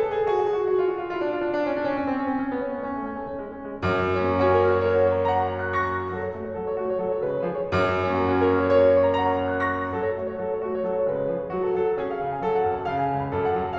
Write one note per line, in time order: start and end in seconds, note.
0.00 0.20 A4
0.12 0.21 G#4
0.21 0.42 G#4
0.34 0.42 F#4
0.43 0.65 G#4
0.55 0.66 F#4
0.67 0.81 F#4
0.77 0.84 F4
0.84 1.01 F#4
0.95 1.01 F4
1.01 1.16 F4
1.09 1.18 D4
1.18 1.36 F4
1.27 1.36 D4
1.36 1.54 D4
1.44 1.54 C#4
1.56 1.74 D4
1.65 1.75 C#4
1.76 1.93 C#4
1.86 1.93 C4
1.94 2.10 C#4
2.02 2.11 C4
2.11 2.28 C#4
2.21 2.30 C4
2.30 2.45 C#4
2.38 2.46 C4
2.46 2.64 C#4
2.54 2.64 B3
2.64 2.84 C#4
2.73 2.84 B3
2.86 3.03 C#4
2.95 3.03 A3
3.04 3.24 C#4
3.13 3.25 A3
3.25 3.51 C#4
3.40 3.53 G#3
3.54 3.80 C#4
3.68 3.81 G#3
3.81 4.84 F#2
4.19 4.41 A#3
4.19 4.84 A#3
4.31 4.41 F#4
4.42 5.13 C#4
4.42 4.60 F#4
4.52 4.60 A#4
4.61 5.40 F#4
4.61 4.84 A#4
4.71 4.84 C#5
4.84 5.65 A#4
4.84 5.13 C#5
4.93 5.13 F#5
5.13 5.85 C#5
5.13 5.40 F#5
5.24 5.40 A#5
5.40 5.85 F#5
5.40 5.65 A#5
5.55 5.65 C#6
5.65 6.10 A#5
5.65 5.85 C#6
5.76 5.85 A#6
5.85 6.10 C#6
5.85 6.10 A#6
6.11 6.28 F#3
6.11 6.19 A#4
6.20 6.28 C#5
6.29 6.55 A3
6.29 6.43 F#4
6.43 6.55 C#5
6.55 6.75 F#3
6.55 6.65 A4
6.65 6.75 C#5
6.75 6.97 A3
6.75 6.84 F#4
6.84 6.97 C#5
6.97 7.19 F#3
6.97 7.09 A4
7.09 7.19 C#5
7.19 7.71 C#3
7.19 7.42 G#3
7.19 7.29 B4
7.29 7.42 C#5
7.49 7.71 F3
7.49 7.58 G#4
7.60 7.71 C#5
7.72 8.75 F#2
8.13 8.35 A#3
8.13 8.75 A#3
8.24 8.35 F#4
8.35 8.93 C#4
8.35 8.57 F#4
8.46 8.57 A#4
8.57 9.20 F#4
8.57 8.75 A#4
8.66 8.75 C#5
8.75 9.43 A#4
8.75 8.93 C#5
8.84 8.93 F#5
8.93 9.64 C#5
8.93 9.20 F#5
9.11 9.20 A#5
9.21 9.64 F#5
9.21 9.43 A#5
9.31 9.43 C#6
9.45 9.83 A#5
9.45 9.64 C#6
9.54 9.64 A#6
9.64 9.83 C#6
9.64 9.83 A#6
9.83 10.01 F#3
9.83 9.91 A#4
9.91 10.01 C#5
10.01 10.39 A3
10.01 10.29 F#4
10.29 10.39 C#5
10.39 10.62 F#3
10.39 10.51 A4
10.51 10.62 C#5
10.62 10.81 A3
10.62 10.72 F#4
10.73 10.81 C#5
10.82 11.02 F#3
10.82 10.94 A4
10.95 11.02 C#5
11.03 11.46 C#3
11.03 11.23 G#3
11.03 11.13 B4
11.13 11.23 C#5
11.23 11.46 F3
11.23 11.34 G#4
11.34 11.46 C#5
11.46 11.71 F#3
11.46 11.61 F#4
11.61 11.71 A4
11.71 11.98 F#3
11.71 11.83 A4
11.83 11.98 F#5
11.98 12.21 C#4
11.98 12.10 G#4
12.10 12.21 F5
12.23 12.42 C#3
12.23 12.33 F5
12.34 12.42 G#5
12.45 12.70 F#3
12.45 12.57 A4
12.59 12.70 F#5
12.70 12.92 F#2
12.70 12.83 F#5
12.83 12.92 A5
12.92 13.12 C#3
12.92 13.00 F5
13.00 13.12 G#5
13.12 13.33 C#2
13.12 13.22 G#5
13.22 13.33 B5
13.33 13.57 F#2
13.33 13.44 A4
13.44 13.57 F#5
13.57 13.78 F#3
13.57 13.66 F#5
13.68 13.78 A5